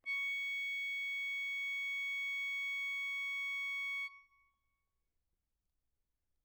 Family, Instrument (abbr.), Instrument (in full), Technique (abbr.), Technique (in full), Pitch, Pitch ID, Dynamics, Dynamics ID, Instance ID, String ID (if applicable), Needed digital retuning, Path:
Keyboards, Acc, Accordion, ord, ordinario, C#6, 85, mf, 2, 4, , FALSE, Keyboards/Accordion/ordinario/Acc-ord-C#6-mf-alt4-N.wav